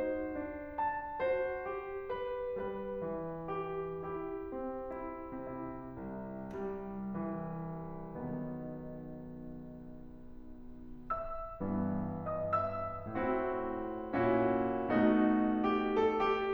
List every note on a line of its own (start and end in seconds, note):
0.00 0.33 D#4
0.00 1.21 F#4
0.00 0.77 C5
0.33 1.21 D4
0.77 1.21 A5
1.21 1.71 F#4
1.21 2.11 C5
1.71 2.58 G4
2.12 2.58 B4
2.58 3.03 G3
2.58 3.48 B4
3.03 4.06 E3
3.49 4.06 G4
4.06 4.53 E4
4.06 4.99 G4
4.53 5.43 C4
5.00 5.43 E4
5.45 7.94 C3
5.45 6.58 E4
5.98 7.94 C2
6.59 7.16 G3
7.17 7.94 E3
7.94 11.08 B1
7.94 11.08 B2
7.94 11.08 D#3
7.94 11.08 B3
11.10 12.31 E5
11.10 12.31 E6
11.63 13.11 G2
11.63 13.11 E3
11.63 13.11 B3
12.32 12.55 D#5
12.32 12.55 D#6
12.55 13.11 E5
12.55 13.11 E6
13.11 14.15 A2
13.11 14.90 E3
13.11 14.15 C4
13.11 14.15 E4
13.11 14.15 F#4
14.15 14.90 A#2
14.15 14.90 C#4
14.15 14.90 E4
14.15 14.90 F#4
14.94 16.53 B2
14.94 16.53 A3
14.94 16.53 D#4
14.94 15.67 F#4
15.67 15.92 G4
15.93 16.21 A4
16.22 16.53 G4